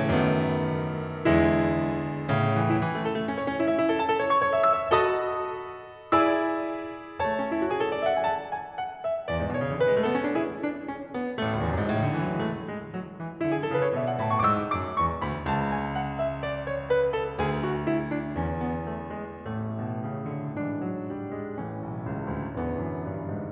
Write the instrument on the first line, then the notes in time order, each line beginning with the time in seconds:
piano
0.00 F#2 D#3 A3 B3
1.17 E2 D3 G#3 E4
2.32 A2 C#3
2.58 E3
2.75 E4
2.82 E3
2.94 A3
3.00 A4
3.19 A3
3.29 C#4
3.41 C#5
3.48 C#4
3.61 E4
3.76 E5
3.84 E4
3.90 A4
3.98 A5
4.08 A4
4.16 C#5
4.23 C#6
4.44 C#5
4.54 E5
4.68 E6
4.81 E5
4.95 F#4 A4 D#5 A5 B5 D#6
6.05 E4 G#4 D5 G#5 B5 E6
7.22 A3 C#5 A5
7.36 C#4
7.45 D4
7.53 E4
7.64 F#4
7.72 G#4
7.80 A4
7.88 C#5
7.95 D5
8.02 E5
8.08 F#5
8.17 G#5
8.24 A5
8.49 G#5
8.80 F#5
9.03 E5
9.31 E2 D5
9.36 G#2
9.45 A2
9.51 B2 C#5
9.58 C#3
9.65 D3
9.80 E3 B4
9.90 G#3
9.97 A3
10.07 B3 A4
10.18 C#4
10.25 D4
10.34 E4 G#4
10.61 D4
10.86 C#4
11.12 B3
11.40 A1 A3
11.52 C#2
11.59 D2
11.66 E2
11.74 F#2
11.81 G#2
11.90 A2
12.00 C#3
12.06 D3
12.17 E3
12.27 F#3
12.36 G#3
12.42 A3
12.63 G#3
12.83 F#3
13.21 E3
13.42 D3 E4
13.50 G#4
13.57 A4
13.66 C#3 B4
13.75 C#5
13.86 D5
13.94 B2 E5
14.02 G#5
14.13 A5
14.27 A2 B5
14.34 C#6
14.42 D6
14.51 G#2 E6
14.74 F#2 D6
15.01 E2 C#6
15.23 D2 B5
15.45 C#2 A5
15.71 G#5
15.98 F#5
16.21 E5
16.43 D5
16.63 C#5
16.86 B4
17.14 A4
17.37 D2 G#4
17.60 F#4
17.86 E4
18.11 D4
18.36 E2 C#4
18.58 B3
18.83 A3
19.08 G#3
19.40 A1 A2 A3
19.67 B2
19.90 C#3
20.25 D3
20.56 E3 D4
20.84 F#3
21.08 G3
21.34 G#3
21.62 A1 E3 A3 C#4
21.85 B1
22.07 C#2
22.29 D2
22.59 E2 D3 E3 B3
22.81 F#2
23.03 G2
23.23 G#2